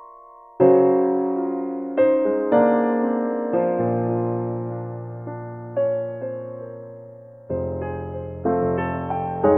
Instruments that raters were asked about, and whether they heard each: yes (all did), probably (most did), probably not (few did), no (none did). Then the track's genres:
piano: yes
Contemporary Classical